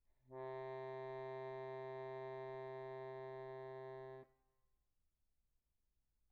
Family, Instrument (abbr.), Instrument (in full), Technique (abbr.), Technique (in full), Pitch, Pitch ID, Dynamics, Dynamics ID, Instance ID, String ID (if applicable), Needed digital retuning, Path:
Keyboards, Acc, Accordion, ord, ordinario, C3, 48, pp, 0, 1, , FALSE, Keyboards/Accordion/ordinario/Acc-ord-C3-pp-alt1-N.wav